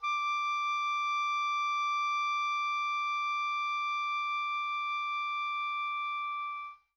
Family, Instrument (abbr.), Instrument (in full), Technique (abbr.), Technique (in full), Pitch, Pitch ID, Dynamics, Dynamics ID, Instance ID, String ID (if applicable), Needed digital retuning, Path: Winds, Ob, Oboe, ord, ordinario, D6, 86, mf, 2, 0, , FALSE, Winds/Oboe/ordinario/Ob-ord-D6-mf-N-N.wav